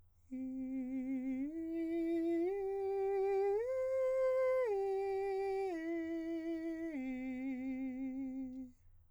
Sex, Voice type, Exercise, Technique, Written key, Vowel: male, countertenor, arpeggios, slow/legato piano, C major, i